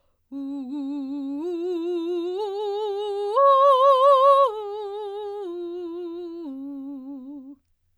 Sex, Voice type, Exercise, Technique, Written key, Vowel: female, soprano, arpeggios, slow/legato forte, C major, u